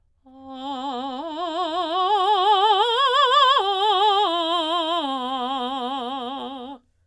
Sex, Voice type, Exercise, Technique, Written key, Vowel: female, soprano, arpeggios, vibrato, , a